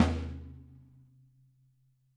<region> pitch_keycenter=62 lokey=62 hikey=62 volume=7.744172 lovel=107 hivel=127 seq_position=2 seq_length=2 ampeg_attack=0.004000 ampeg_release=30.000000 sample=Membranophones/Struck Membranophones/Snare Drum, Rope Tension/Hi/RopeSnare_hi_sn_Main_vl4_rr2.wav